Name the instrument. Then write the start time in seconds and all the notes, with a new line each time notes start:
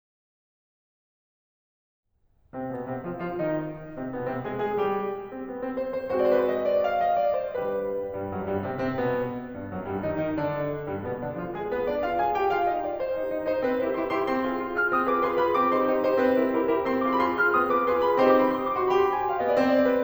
piano
2.05 C3 C4
2.63 B2 B3
2.86 C3 C4
3.02 F3 F4
3.20 F3 F4
3.39 D#3 D#4
3.97 C3 C4
4.12 B2 B3
4.27 C3 C4
4.42 G#3 G#4
4.59 G#3 G#4
4.84 G3 G4
5.32 C4
5.49 B3
5.60 C4
5.75 C5
5.92 C5
6.09 G#3 C4 F#4 C5
6.23 C5 D5
6.34 B4
6.41 C5
6.47 D#5
6.66 D5
6.85 F5
7.05 D#5
7.24 D5
7.41 C5
7.59 G3 D4 G4 B4
8.11 G2 G3
8.27 F#2 F#3
8.44 G2 G3
8.65 C3 C4
8.80 C3 C4
8.96 B2 B3
9.52 G2 G3
9.68 F#2 F#3
9.83 G2 G3
10.05 D#3 D#4
10.22 D#3 D#4
10.36 D3 D4
10.84 G2 G3
11.04 B2 B3
11.19 D3 D4
11.38 F3 F4
11.56 G#3 G#4
11.73 B3 B4
11.88 D4 D5
12.04 F4 F5
12.19 G#4 G#5
12.38 G4 G5
12.58 F4 F5
12.72 D#4 D#5
12.89 D4 D5
13.05 C4 C5
13.22 D#4 G4
13.39 D#4 G4
13.55 D#4 G4 C5
13.70 C4 B4
13.87 E4 G4 A#4 C5
14.02 E4 G4 A#4 C6
14.19 E4 G4 A#4 C6
14.35 C4 C6
14.51 F4 G#4
14.67 F4 G#4
14.79 F4 G#4 F6
14.93 C4 D#6
15.06 F4 G#4 B4 D6
15.22 F4 G#4 B4 C6
15.36 F4 G#4 B4 B5
15.56 C4 D6
15.72 D#4 G4 C6
15.87 D#4 G4
15.97 D#4 G4 C5
16.18 C4 B4
16.40 E4 G4 A#4 C5
16.65 E4 G4 A#4 C6
16.79 E4 G4 A#4 C6
16.94 C4 C6
17.11 F4 G#4 D6
17.17 C6
17.24 B5
17.30 F4 G#4 C6
17.45 F4 G#4 F6
17.61 C4 D#6
17.74 F4 G#4 B4 D6
17.89 F4 G#4 B4 C6
18.09 F4 G#4 B4 B5
18.24 C4 D#4 G4 C5 C6
18.37 D6
18.45 C6
18.53 B5
18.62 C6
18.70 D#6
18.75 F#4 D6
18.81 C6
18.90 G4 B5
18.97 C6
19.05 B5
19.12 G#5
19.23 G5
19.31 F5
19.40 B3 D#5
19.48 D5
19.56 C4 C5
19.71 D5
19.79 C5
19.89 B4
19.98 C5